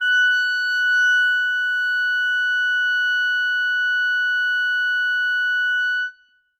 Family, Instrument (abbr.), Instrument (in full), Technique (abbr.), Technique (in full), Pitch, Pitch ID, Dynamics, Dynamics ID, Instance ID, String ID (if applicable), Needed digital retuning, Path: Winds, ClBb, Clarinet in Bb, ord, ordinario, F#6, 90, ff, 4, 0, , TRUE, Winds/Clarinet_Bb/ordinario/ClBb-ord-F#6-ff-N-T15u.wav